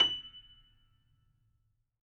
<region> pitch_keycenter=102 lokey=102 hikey=103 volume=-3.895289 lovel=100 hivel=127 locc64=0 hicc64=64 ampeg_attack=0.004000 ampeg_release=10.000000 sample=Chordophones/Zithers/Grand Piano, Steinway B/NoSus/Piano_NoSus_Close_F#7_vl4_rr1.wav